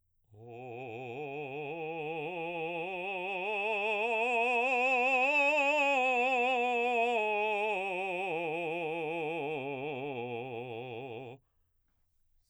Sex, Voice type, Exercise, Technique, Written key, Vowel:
male, baritone, scales, slow/legato forte, C major, o